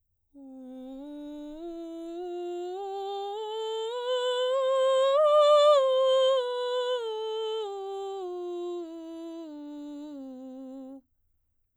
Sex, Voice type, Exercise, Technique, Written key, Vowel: female, soprano, scales, straight tone, , u